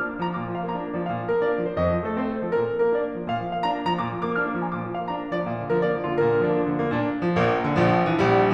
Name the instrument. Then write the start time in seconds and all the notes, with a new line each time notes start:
piano
0.00 D4 F6
0.09 A#3
0.23 F3 A#5
0.37 A#2 D6
0.52 F3
0.65 A#3 F5
0.78 D4 A#5
0.87 A#3
0.99 F3 D5
1.09 A#2 F5
1.18 F3
1.28 A#3 A#4
1.38 D4 D5
1.52 A#3
1.65 F3 C5
1.79 F2 D#5
1.92 F3
2.07 A3 A4
2.18 C4 C5
2.28 A3
2.41 F3 A4
2.52 A#2 A#4
2.65 F3
2.79 A#3 A#4
2.93 D4 D5
3.05 A#3
3.18 F3 D5
3.31 A#2 F5
3.40 F3
3.53 A#3 F5
3.63 D4 A#5
3.76 A#3
3.88 F3 A#5
3.99 A#2 D6
4.12 F3
4.23 A#3 D6
4.34 D4 F6
4.45 A#3
4.59 F3 A#5
4.69 A#2 D6
4.81 F3
4.98 A#3 F5
5.10 D4 A#5
5.24 A#3
5.34 F3 D5
5.48 A#2 F5
5.58 F3
5.68 A#3 A#4
5.79 D4 D5
5.90 A#3
6.04 F3 F4
6.15 A#2 A#4
6.29 D3
6.41 F3 D4
6.58 A#3 F4
6.72 F3
6.80 D3 A#3
6.92 A#2 D4
7.23 F3
7.37 A#1 A#3
7.63 D3
7.76 A#1 F3
8.01 E3
8.16 A#1 G3